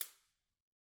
<region> pitch_keycenter=60 lokey=60 hikey=60 volume=16.330382 offset=206 seq_position=2 seq_length=2 ampeg_attack=0.004000 ampeg_release=10.000000 sample=Idiophones/Struck Idiophones/Cabasa/Cabasa1_Hit_rr2_Mid.wav